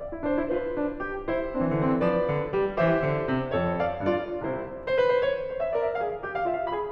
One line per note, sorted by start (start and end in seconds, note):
0.00 0.27 D5
0.14 0.27 E4
0.27 0.38 D4
0.27 0.51 C5
0.38 0.51 E4
0.51 0.75 F4
0.51 1.30 B4
0.77 1.00 D4
1.00 1.30 G4
1.30 1.54 E4
1.30 2.08 C5
1.54 1.82 D4
1.66 1.82 E3
1.82 1.96 D3
1.82 2.08 C4
1.96 2.08 E3
2.08 2.32 F3
2.08 2.79 G4
2.08 2.79 B4
2.08 2.79 D5
2.32 2.55 D3
2.55 2.79 G3
2.80 3.03 E3
2.80 3.53 G4
2.80 3.53 C5
2.80 3.81 E5
3.03 3.26 D3
3.26 3.53 C3
3.53 3.81 F2
3.53 4.08 A4
3.53 3.81 C#5
3.81 4.08 D5
3.81 4.08 F5
4.08 4.46 G2
4.08 4.46 F4
4.08 4.46 B4
4.08 4.46 D5
4.46 4.76 C2
4.46 4.76 C3
4.46 4.76 E4
4.46 4.76 C5
4.88 5.04 C5
5.05 5.15 B4
5.17 5.28 C5
5.28 5.50 C#5
5.50 5.72 C5
5.61 5.72 E5
5.72 5.97 A#4
5.72 5.84 D5
5.84 5.97 E5
5.97 6.22 G#4
5.97 6.22 F5
6.22 6.47 G4
6.35 6.47 F5
6.47 6.70 F4
6.47 6.57 E5
6.57 6.70 F5
6.70 6.92 G#4
6.70 6.92 B5